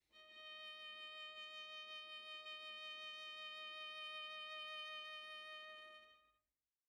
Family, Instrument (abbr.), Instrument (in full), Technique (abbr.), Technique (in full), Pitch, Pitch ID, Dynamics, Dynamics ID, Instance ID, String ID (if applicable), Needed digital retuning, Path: Strings, Va, Viola, ord, ordinario, D#5, 75, pp, 0, 0, 1, FALSE, Strings/Viola/ordinario/Va-ord-D#5-pp-1c-N.wav